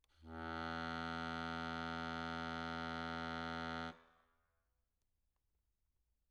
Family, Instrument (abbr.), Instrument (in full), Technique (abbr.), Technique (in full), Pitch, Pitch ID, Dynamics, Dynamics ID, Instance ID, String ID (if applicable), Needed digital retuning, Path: Keyboards, Acc, Accordion, ord, ordinario, E2, 40, mf, 2, 2, , FALSE, Keyboards/Accordion/ordinario/Acc-ord-E2-mf-alt2-N.wav